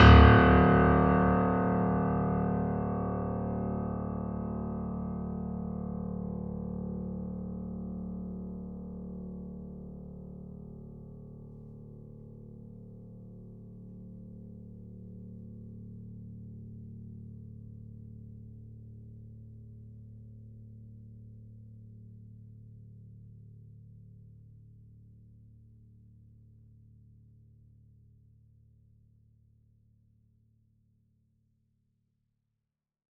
<region> pitch_keycenter=26 lokey=26 hikey=27 volume=-0.456457 lovel=100 hivel=127 locc64=65 hicc64=127 ampeg_attack=0.004000 ampeg_release=0.400000 sample=Chordophones/Zithers/Grand Piano, Steinway B/Sus/Piano_Sus_Close_D1_vl4_rr1.wav